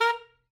<region> pitch_keycenter=70 lokey=69 hikey=72 tune=9 volume=7.241029 lovel=84 hivel=127 ampeg_attack=0.004000 ampeg_release=2.500000 sample=Aerophones/Reed Aerophones/Saxello/Staccato/Saxello_Stcts_MainSpirit_A#3_vl2_rr2.wav